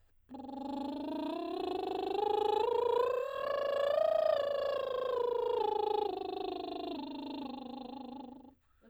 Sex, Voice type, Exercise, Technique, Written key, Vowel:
female, soprano, scales, lip trill, , e